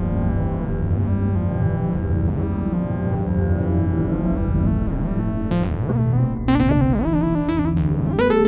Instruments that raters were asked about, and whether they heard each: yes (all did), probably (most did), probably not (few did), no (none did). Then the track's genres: synthesizer: yes
Experimental; Ambient